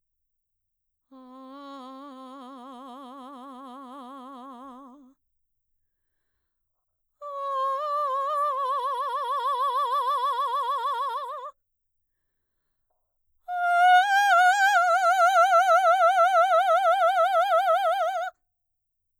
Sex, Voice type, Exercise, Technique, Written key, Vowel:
female, mezzo-soprano, long tones, trill (upper semitone), , a